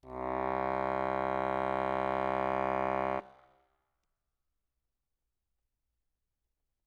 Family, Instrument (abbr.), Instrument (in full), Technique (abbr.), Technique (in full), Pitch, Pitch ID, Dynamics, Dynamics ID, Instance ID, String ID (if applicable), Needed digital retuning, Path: Keyboards, Acc, Accordion, ord, ordinario, C2, 36, ff, 4, 0, , TRUE, Keyboards/Accordion/ordinario/Acc-ord-C2-ff-N-T12u.wav